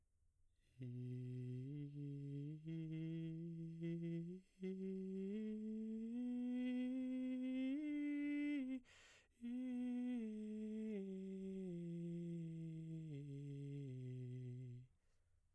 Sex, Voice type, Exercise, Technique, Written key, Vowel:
male, baritone, scales, breathy, , i